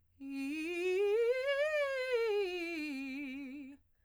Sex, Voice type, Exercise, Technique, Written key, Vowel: female, soprano, scales, fast/articulated piano, C major, i